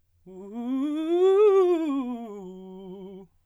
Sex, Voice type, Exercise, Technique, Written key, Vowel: male, baritone, scales, fast/articulated piano, F major, u